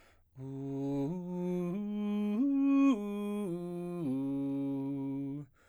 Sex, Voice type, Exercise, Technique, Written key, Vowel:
male, baritone, arpeggios, slow/legato forte, C major, u